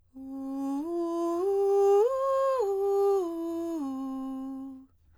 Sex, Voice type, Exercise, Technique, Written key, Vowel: female, soprano, arpeggios, breathy, , u